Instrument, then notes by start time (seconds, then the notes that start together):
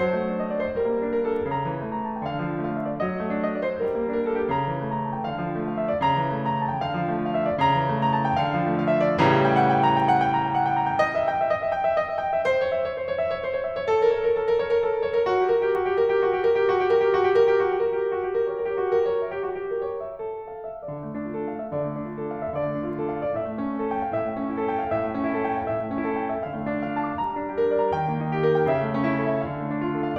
piano
0.00 F#3 C5
0.14 A3
0.30 D#4
0.37 D#5
0.50 D5
0.62 C5
0.77 G3 A#4
0.92 A#3
1.02 D4
1.14 A#4
1.24 A4
1.37 G4
1.51 C#3 A#5
1.64 E3
1.78 A3
1.92 A#5
2.05 A5
2.15 G5
2.28 D3 F5
2.45 F3
2.58 A3
2.72 F5
2.83 E5
2.97 D5
3.11 F#3 D#5
3.26 A3
3.39 D#4
3.48 D#5
3.63 D5
3.75 C5
3.89 G3 A#4
4.04 A#3
4.16 D4
4.27 A#4
4.35 A4
4.44 G4
4.55 C#3 A#5
4.71 E3
4.83 A3
4.96 A#5
5.04 A5
5.15 G5
5.28 D3 F5
5.45 F3
5.58 A3
5.74 F5
5.78 E5
5.90 D5
6.04 C#3 A#5
6.21 E3
6.34 A3
6.47 A#5
6.63 A5
6.78 G5
6.95 D3 F5
7.12 F3
7.22 A3
7.30 F5
7.35 E5
7.45 D5
7.60 C#3 A#5
7.78 E3
7.91 A3
8.02 A#5
8.13 A5
8.25 G5
8.41 D3 F5
8.56 F3
8.70 A3
8.82 F5
8.90 E5
9.06 D5
9.22 A2 C#3 E3 G3 A#5
9.40 G5
9.57 F#5
9.72 G5
9.87 A#5
9.98 G5
10.09 F#5
10.19 G5
10.34 A#5
10.50 G5
10.65 F#5
10.81 G5
11.01 D#5
11.16 E5
11.31 G5
11.41 E5
11.52 D#5
11.62 E5
11.73 G5
11.85 E5
11.98 D#5
12.11 E5
12.21 G5
12.34 E5
12.49 C5
12.64 C#5
12.76 E5
12.85 C#5
12.95 C5
13.06 C#5
13.24 E5
13.33 C#5
13.44 C5
13.55 C#5
13.69 E5
13.82 C#5
13.86 A4
14.01 A#4
14.14 C#5
14.20 A#4
14.30 A4
14.47 A#4
14.59 C#5
14.71 A#4
14.85 A4
14.90 A#4
15.03 C#5
15.16 A#4
15.26 F#4
15.36 G4
15.44 A#4
15.58 G4
15.72 F#4
15.84 G4
15.99 A#4
16.11 G4
16.23 F#4
16.34 G4
16.46 A#4
16.63 G4
16.71 F#4
16.82 G4
16.90 A#4
17.04 G4
17.14 F#4
17.24 G4
17.32 A#4
17.45 G4
17.58 F#4
17.67 F#4 G4 A#4
17.76 G4
17.95 A#4
18.05 G4
18.17 F#4
18.26 G4
18.38 A#4
18.47 C#5
18.58 A#4
18.72 G4
18.82 F#4 G4
18.96 A#4
19.10 C#5
19.20 E5
19.35 G4
19.48 F#4
19.61 G4
19.74 A#4
19.89 C#5
20.03 E5
20.22 A4
20.46 F5
20.64 E5
20.85 D3 D5
21.04 A3
21.19 D4
21.36 F4 A4
21.50 F5
21.64 E5
21.70 D3 D5
21.85 A3
22.01 D4
22.18 F4 A4
22.31 F5
22.41 E5
22.55 D3 D5
22.67 A3
22.81 D4
22.94 F4 A4
23.10 F5
23.27 D5
23.35 A2 E5
23.51 A3
23.64 C#4
23.75 E4 A4
23.89 G5
24.02 F5
24.18 A2 E5
24.33 A3
24.50 C#4
24.59 E4 A4
24.74 G5
24.92 F5
25.05 A2 E5
25.19 A3
25.30 C#4 E4 A4
25.44 G5
25.59 F5
25.73 A2 E5
25.86 A3
25.98 C#4
26.08 E4 A4
26.18 G5
26.27 E5
26.42 D3 F5
26.56 A3
26.71 D4
26.83 F4 D5
26.97 A5
27.10 D6
27.26 G3 A#5
27.34 D4
27.43 G4
27.57 A#4
27.68 D5
27.82 A#5
27.93 D#3 G5
28.07 A#3
28.19 D#4
28.33 G4
28.46 A#4
28.60 G5
28.76 C#3 E5
28.91 A3
29.07 C#4
29.16 E4
29.21 A4
29.34 E5
29.48 D3 F5
29.58 A3
29.72 D4
29.79 F4
29.91 A4
30.04 F5